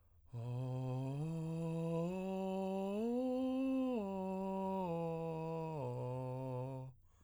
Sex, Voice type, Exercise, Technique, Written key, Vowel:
male, tenor, arpeggios, breathy, , o